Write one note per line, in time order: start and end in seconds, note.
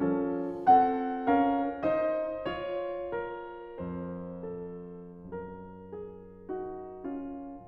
0.00 3.80 F3
0.00 0.68 C#4
0.00 0.68 F4
0.00 0.68 A4
0.68 1.31 C4
0.68 1.31 A4
0.68 1.31 F#5
1.31 1.97 C#4
1.31 1.97 A#4
1.31 1.97 F5
1.97 2.52 D#4
1.97 3.15 C5
1.97 2.52 D#5
2.52 6.50 F4
2.52 3.80 C#5
3.15 4.48 A#4
3.80 5.36 F2
3.80 5.36 C5
4.48 5.36 A4
5.36 7.67 F#2
5.36 7.67 A#4
5.91 6.50 G#4
6.50 7.06 D#4
6.50 7.06 F#4
7.06 7.67 C#4
7.06 7.67 F4